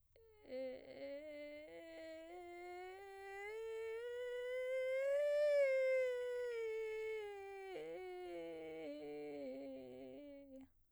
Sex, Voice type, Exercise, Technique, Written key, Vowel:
female, soprano, scales, vocal fry, , e